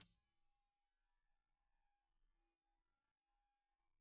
<region> pitch_keycenter=96 lokey=95 hikey=97 volume=29.601356 xfout_lovel=0 xfout_hivel=83 ampeg_attack=0.004000 ampeg_release=15.000000 sample=Idiophones/Struck Idiophones/Glockenspiel/glock_soft_C7_03.wav